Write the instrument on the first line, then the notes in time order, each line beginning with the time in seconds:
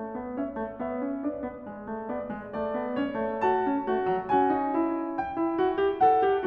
piano
0.00 A3
0.17 B3
0.38 C#4 C#5 E5
0.59 A3
0.78 B3 C#5 E5
1.00 C#4
1.21 D4 B4 D5
1.44 B3
1.67 G#3
1.88 A3
2.10 B3 D5
2.31 G#3
2.50 A3 D5
2.77 B3
2.96 C#4 C#5
3.16 A3
3.42 F#4 A5
3.69 C#4
3.88 A3 F#4
4.06 F#3
4.24 C#4 F#4 G#5
4.49 D#4
4.74 E4
5.19 G5
5.40 E4
5.63 F#4
5.82 G4
6.03 A4 F#5
6.26 G4